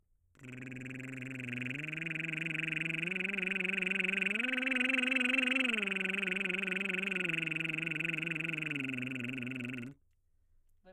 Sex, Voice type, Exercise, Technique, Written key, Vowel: male, baritone, arpeggios, lip trill, , e